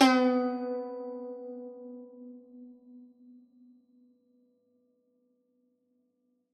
<region> pitch_keycenter=59 lokey=58 hikey=60 volume=-0.284319 lovel=100 hivel=127 ampeg_attack=0.004000 ampeg_release=0.300000 sample=Chordophones/Zithers/Dan Tranh/Normal/B2_ff_1.wav